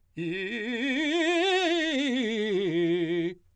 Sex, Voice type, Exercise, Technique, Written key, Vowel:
male, , scales, fast/articulated forte, F major, i